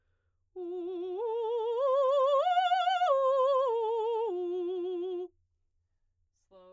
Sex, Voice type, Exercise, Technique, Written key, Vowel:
female, soprano, arpeggios, slow/legato forte, F major, u